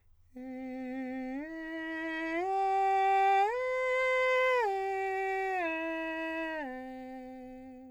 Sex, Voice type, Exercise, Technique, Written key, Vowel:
male, countertenor, arpeggios, straight tone, , e